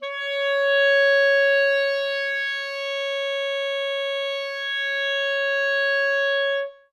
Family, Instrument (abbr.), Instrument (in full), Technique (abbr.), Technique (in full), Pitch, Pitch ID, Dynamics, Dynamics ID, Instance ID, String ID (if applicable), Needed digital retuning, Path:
Winds, ClBb, Clarinet in Bb, ord, ordinario, C#5, 73, ff, 4, 0, , TRUE, Winds/Clarinet_Bb/ordinario/ClBb-ord-C#5-ff-N-T13u.wav